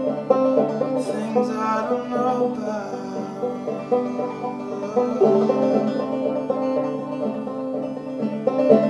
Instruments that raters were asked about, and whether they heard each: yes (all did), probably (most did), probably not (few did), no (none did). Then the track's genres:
banjo: yes
Folk